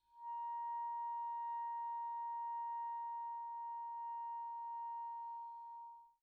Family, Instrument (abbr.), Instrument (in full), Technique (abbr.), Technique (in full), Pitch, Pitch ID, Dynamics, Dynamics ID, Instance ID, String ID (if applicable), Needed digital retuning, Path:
Winds, ClBb, Clarinet in Bb, ord, ordinario, A#5, 82, pp, 0, 0, , FALSE, Winds/Clarinet_Bb/ordinario/ClBb-ord-A#5-pp-N-N.wav